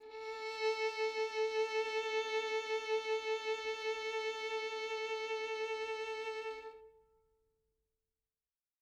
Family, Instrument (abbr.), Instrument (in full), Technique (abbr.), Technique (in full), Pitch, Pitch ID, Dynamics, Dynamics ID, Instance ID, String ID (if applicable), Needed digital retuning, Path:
Strings, Vn, Violin, ord, ordinario, A4, 69, mf, 2, 3, 4, FALSE, Strings/Violin/ordinario/Vn-ord-A4-mf-4c-N.wav